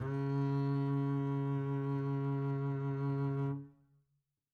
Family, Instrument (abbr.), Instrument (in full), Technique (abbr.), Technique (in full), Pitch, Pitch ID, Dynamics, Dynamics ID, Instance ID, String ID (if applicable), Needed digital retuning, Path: Strings, Cb, Contrabass, ord, ordinario, C#3, 49, mf, 2, 3, 4, FALSE, Strings/Contrabass/ordinario/Cb-ord-C#3-mf-4c-N.wav